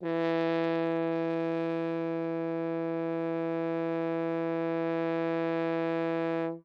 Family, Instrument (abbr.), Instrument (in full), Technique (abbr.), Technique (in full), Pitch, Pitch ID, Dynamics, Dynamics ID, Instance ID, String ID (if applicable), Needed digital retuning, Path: Brass, Hn, French Horn, ord, ordinario, E3, 52, ff, 4, 0, , FALSE, Brass/Horn/ordinario/Hn-ord-E3-ff-N-N.wav